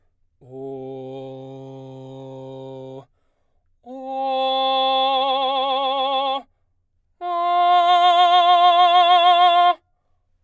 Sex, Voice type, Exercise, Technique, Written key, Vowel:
male, baritone, long tones, full voice forte, , o